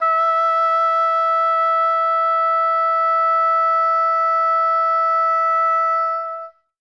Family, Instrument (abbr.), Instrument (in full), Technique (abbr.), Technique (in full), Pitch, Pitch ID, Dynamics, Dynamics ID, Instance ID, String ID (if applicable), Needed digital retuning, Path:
Winds, Ob, Oboe, ord, ordinario, E5, 76, ff, 4, 0, , FALSE, Winds/Oboe/ordinario/Ob-ord-E5-ff-N-N.wav